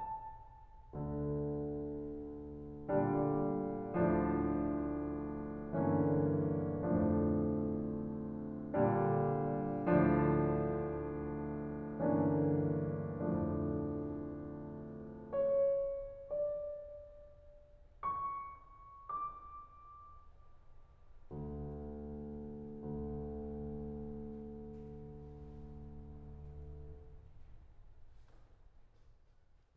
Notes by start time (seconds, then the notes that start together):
0.00 A5
0.95 D2 D3
2.94 A#2 D3 G3 D4
3.98 D2 D3 F3 D4
5.91 G2 D3 E3 A#3 C#4 D4
6.88 D2 F2 D3 F3 A3 D4
8.81 A#2 D3 G3 D4
9.98 D2 D3 F3 D4
12.07 G2 D3 E3 A#3 C#4 D4
13.24 D2 F2 A2 D3 F3 A3 D4
15.33 C#5
16.10 D5
18.05 C#6
19.12 D6
21.32 D2
23.31 D2